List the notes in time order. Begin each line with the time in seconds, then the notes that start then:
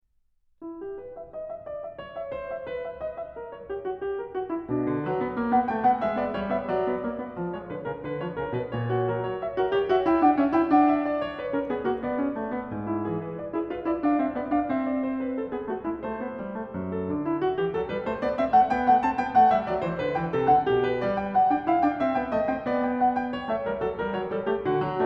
0.03 E4
0.80 G4
0.96 B4
1.17 E5
1.35 D#5
1.51 E5
1.65 D5
1.83 E5
2.00 C#5
2.14 E5
2.31 C5
2.48 E5
2.67 B4
2.87 E5
3.05 D#5
3.25 E5
3.38 A#4
3.54 C#5
3.68 G4
3.83 F#4
3.98 G4
4.18 A4
4.38 F#4
4.54 E4
4.74 B2 D4
4.83 D3
5.04 F#3 B4
5.19 B3
5.36 A#3
5.50 B3 F#5
5.69 A3 G5
5.83 B3 F#5
6.01 G#3 E5
6.15 B3 D5
6.34 G3 C#5
6.54 B3 E5
6.73 F#3 D5
6.86 B3
7.06 A#3
7.19 B3
7.37 F3
7.56 G#3 C#5
7.70 D3 B4
7.86 C#3 A#4
7.95 D3 B4
8.16 F3 C#5
8.35 C#3 A#4
8.51 B2 B4
8.71 A#2 C#5
8.89 F#4
9.10 F#3 A#4
9.25 C#5
9.44 E5
9.59 F#4 A#4
9.75 G4 C#5
9.88 F#4 E5
10.03 E4 G5
10.20 D4 F#5
10.34 C#4 E5
10.56 E4 G5
10.72 D4 F#5
10.89 E5
11.09 D5
11.21 C#5
11.39 B4
11.54 C#4 A#4
11.69 B3 G#4
11.89 A#3 F#4
12.03 B3 D5
12.21 C#4
12.38 A3
12.53 B3
12.75 G#2
12.90 E4
13.06 E3 G#4
13.26 B4
13.41 D5
13.54 E4 G#4
13.70 F4 B4
13.87 E4 D5
14.02 D4 F5
14.20 C4 E5
14.35 B3 D5
14.50 D4 F5
14.67 C4 E5
14.86 D5
15.05 C5
15.25 B4
15.41 A4
15.53 B3 G#4
15.72 A3 F#4
15.82 G#3 E4
16.02 A3 C5
16.21 B3
16.42 G3
16.59 A3
16.80 F#2
17.00 A4
17.11 D3 D4
17.29 E4
17.41 F#4
17.57 E3 G4
17.70 F#3 A4
17.89 G3 B4
18.06 A3 C5
18.20 B3 D5
18.37 C4 E5
18.55 A3 F#5
18.71 B3 G5
18.89 A3 F#5
19.02 C4 A5
19.20 B3 G5
19.38 A3 F#5
19.52 G3 E5
19.67 F#3 D5
19.81 E3 C5
20.00 D3 B4
20.14 E3 G5
20.32 C3 A4
20.46 D3 F#5
20.66 B2 G4
20.86 B4
21.02 G3 D5
21.21 G5
21.32 F#5
21.49 D4 G5
21.68 E4 F5
21.79 D4 G5
21.98 C4 E5
22.13 B3 G5
22.29 A3 D#5
22.49 C4 G5
22.67 B3 D5
22.85 G5
23.02 F#5
23.13 G5
23.31 C#5
23.47 A3 E5
23.64 G3 A#4
23.82 F#3 A4
23.99 G3 A#4
24.15 F#3 C#5
24.29 G3 A4
24.47 A3 G4
24.64 D3 F#4
24.82 F#3